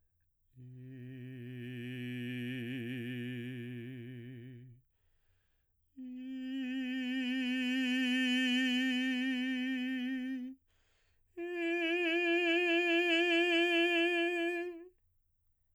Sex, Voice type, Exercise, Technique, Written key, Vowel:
male, baritone, long tones, messa di voce, , i